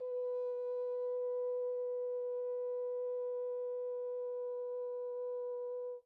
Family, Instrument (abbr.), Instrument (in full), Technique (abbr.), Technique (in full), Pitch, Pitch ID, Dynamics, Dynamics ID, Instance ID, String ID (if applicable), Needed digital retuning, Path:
Brass, Hn, French Horn, ord, ordinario, B4, 71, pp, 0, 0, , FALSE, Brass/Horn/ordinario/Hn-ord-B4-pp-N-N.wav